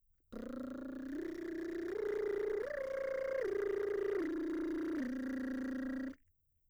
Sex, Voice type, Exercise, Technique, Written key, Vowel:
female, mezzo-soprano, arpeggios, lip trill, , i